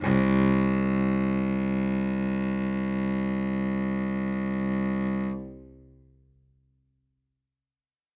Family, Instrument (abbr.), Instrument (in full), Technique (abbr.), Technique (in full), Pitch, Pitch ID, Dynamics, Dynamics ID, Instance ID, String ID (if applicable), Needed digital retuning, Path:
Strings, Vc, Cello, ord, ordinario, C2, 36, ff, 4, 3, 4, FALSE, Strings/Violoncello/ordinario/Vc-ord-C2-ff-4c-N.wav